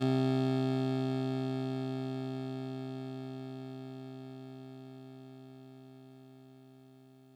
<region> pitch_keycenter=36 lokey=35 hikey=38 tune=-1 volume=13.091869 lovel=66 hivel=99 ampeg_attack=0.004000 ampeg_release=0.100000 sample=Electrophones/TX81Z/Clavisynth/Clavisynth_C1_vl2.wav